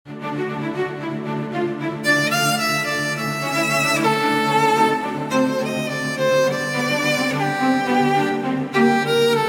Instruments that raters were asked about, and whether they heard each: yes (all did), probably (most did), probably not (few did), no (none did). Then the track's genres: cymbals: no
cello: yes
violin: yes
saxophone: probably not
Classical